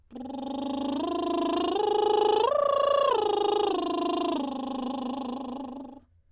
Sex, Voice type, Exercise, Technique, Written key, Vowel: female, soprano, arpeggios, lip trill, , e